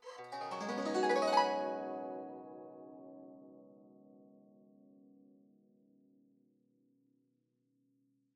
<region> pitch_keycenter=64 lokey=64 hikey=64 volume=14.413352 offset=2584 lovel=0 hivel=83 ampeg_attack=0.004000 ampeg_release=0.300000 sample=Chordophones/Zithers/Dan Tranh/Gliss/Gliss_Up_Med_mf_1.wav